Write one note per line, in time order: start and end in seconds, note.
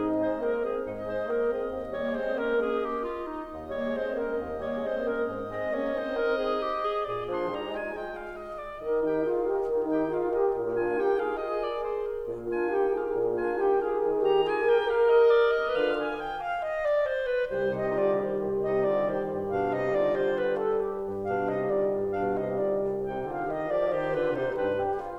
0.00 0.23 G#2
0.00 0.23 C4
0.00 0.43 D#4
0.00 0.23 G#4
0.00 7.01 D#5
0.23 0.43 G#3
0.23 0.43 C5
0.43 0.62 A#3
0.43 0.62 A#4
0.62 0.85 C4
0.62 0.85 G#4
0.85 1.02 G#2
0.85 1.02 D#4
1.02 1.22 G#3
1.02 1.22 C5
1.22 1.46 A#3
1.22 1.46 A#4
1.46 1.68 C4
1.46 1.68 G#4
1.68 1.89 D#2
1.89 2.09 G3
1.89 2.09 A#3
1.89 2.09 C#5
2.09 2.31 G#3
2.09 2.31 C4
2.09 2.31 C5
2.31 2.53 A#3
2.31 2.53 C#4
2.31 2.53 A#4
2.53 2.97 A#3
2.53 2.76 C#4
2.53 2.76 G#4
2.76 2.97 G4
2.97 3.24 F4
3.24 3.51 D#4
3.51 3.73 D#2
3.73 3.92 G3
3.73 3.92 A#3
3.73 3.92 C#5
3.92 4.13 G#3
3.92 4.13 C4
3.92 4.13 C5
4.13 4.37 A#3
4.13 4.37 C#4
4.13 4.37 A#4
4.37 4.59 D#2
4.59 4.79 G3
4.59 4.79 A#3
4.59 4.79 C#5
4.79 5.03 G#3
4.79 5.03 C4
4.79 5.03 C5
5.03 5.28 A#3
5.03 5.28 C#4
5.03 5.28 A#4
5.28 5.50 G#2
5.50 5.74 G#3
5.50 5.74 C4
5.50 5.74 D#5
5.74 5.90 A#3
5.74 5.90 C#4
5.74 5.90 C#5
5.90 6.12 C4
5.90 6.12 D#4
5.90 6.12 C5
6.12 6.57 C4
6.12 6.33 D#4
6.12 6.33 A#4
6.33 6.57 G#4
6.57 6.79 G4
6.79 7.01 G#4
7.01 7.26 A#2
7.01 7.26 G#4
7.01 7.26 D5
7.26 7.49 F3
7.26 7.49 D4
7.26 7.49 C6
7.49 7.67 G3
7.49 7.67 D#4
7.49 7.67 A#5
7.67 7.87 G#3
7.67 7.87 F4
7.67 7.87 G#5
7.87 8.32 G#3
7.87 8.32 F4
7.87 8.10 G5
8.10 8.32 F5
8.32 8.58 D#5
8.58 8.81 D5
8.81 9.06 D#3
8.81 9.06 A#4
8.81 9.06 D#5
9.06 9.29 D#4
9.06 9.29 G4
9.06 9.29 G5
9.29 9.50 F4
9.29 9.71 G#4
9.29 9.50 F5
9.50 9.71 G4
9.50 9.71 D#5
9.71 9.87 D#3
9.87 10.10 D#4
9.87 10.10 G4
9.87 10.10 G5
10.10 10.33 F4
10.10 10.53 G#4
10.10 10.33 F5
10.33 10.53 G4
10.33 10.53 D#5
10.53 10.75 A#2
10.53 10.75 A#4
10.75 10.96 D4
10.75 10.96 F4
10.75 10.96 G#5
10.96 11.19 D#4
10.96 11.19 G4
10.96 11.19 G5
11.19 11.37 F4
11.19 11.37 G#4
11.19 11.37 F5
11.37 11.83 F4
11.37 11.83 G#4
11.37 11.62 D#5
11.62 11.83 D5
11.83 12.04 C5
12.04 12.27 A#4
12.27 12.52 A#2
12.27 12.52 A#4
12.52 12.71 D4
12.52 12.71 F4
12.52 12.71 G#5
12.71 12.91 D#4
12.71 12.91 G4
12.71 12.91 G5
12.91 13.13 F4
12.91 13.13 G#4
12.91 13.13 F5
13.13 13.36 A#2
13.36 13.57 D4
13.36 13.57 F4
13.36 13.57 G#5
13.57 13.80 D#4
13.57 13.80 G4
13.57 13.80 G5
13.80 14.02 F4
13.80 14.02 G#4
13.80 14.02 F5
14.02 14.23 D#3
14.02 14.45 D#3
14.02 14.23 A#4
14.23 14.45 D#4
14.23 14.45 G4
14.23 14.45 A#5
14.45 14.72 F4
14.45 14.72 G#4
14.45 14.72 G#5
14.72 14.94 G4
14.72 14.94 A#4
14.72 14.94 G5
14.94 15.36 G4
14.94 15.36 A#4
14.94 15.15 F5
15.15 15.36 D#5
15.36 15.60 D5
15.60 15.73 D#5
15.73 16.15 D3
15.73 15.91 F4
15.73 15.91 B4
15.73 16.15 F5
15.91 16.15 G#5
16.15 16.40 G5
16.40 16.66 F5
16.66 16.88 D#5
16.88 17.07 D5
17.07 17.29 C5
17.29 17.52 B4
17.52 17.77 C2
17.52 23.23 G3
17.52 17.77 D#4
17.52 23.23 G4
17.52 17.77 C5
17.77 18.01 D#3
17.77 18.01 D#4
17.77 18.01 D#5
18.01 18.23 F3
18.01 18.23 F4
18.01 18.23 D5
18.23 18.44 G3
18.23 18.44 G4
18.23 18.44 C5
18.44 18.61 C2
18.61 18.80 D#3
18.61 18.80 D#4
18.61 18.80 D#5
18.80 19.04 F3
18.80 19.04 F4
18.80 19.04 D5
19.04 19.27 G3
19.04 19.27 G4
19.04 19.27 C5
19.27 19.52 G2
19.52 19.76 B2
19.52 19.76 D4
19.52 19.76 F5
19.76 19.96 C3
19.76 19.96 D#4
19.76 19.96 D#5
19.96 20.12 D3
19.96 20.12 F4
19.96 20.12 D5
20.12 20.65 D3
20.12 20.36 F4
20.12 20.36 C5
20.36 20.65 B4
20.65 20.86 A4
20.86 21.05 G4
21.05 21.22 G2
21.22 21.51 B2
21.22 21.51 D4
21.22 21.51 F5
21.51 21.75 C3
21.51 21.75 D#4
21.51 21.75 D#5
21.75 21.95 D3
21.75 21.95 F4
21.75 21.95 D5
21.95 22.12 G2
22.12 22.36 B2
22.12 22.36 D4
22.12 22.36 F5
22.36 22.57 C3
22.36 22.57 D#4
22.36 22.57 D#5
22.57 22.77 D3
22.57 22.77 F4
22.57 22.77 D5
22.77 23.01 C2
23.01 23.23 C3
23.01 23.23 D#4
23.01 23.23 G5
23.23 23.49 D3
23.23 23.49 F4
23.23 23.49 F5
23.49 23.73 D#3
23.49 23.73 G4
23.49 23.73 D#5
23.73 23.94 F3
23.73 23.94 G4
23.73 23.94 D5
23.94 24.14 D#3
23.94 24.14 G4
23.94 24.14 C5
24.14 24.33 D3
24.14 24.33 F4
24.14 24.33 B4
24.33 24.53 C3
24.33 24.53 D#4
24.33 24.53 C5
24.53 24.73 G2
24.53 24.73 G3
24.53 24.95 D4
24.53 24.95 B4
24.73 24.95 G4
24.95 25.18 F4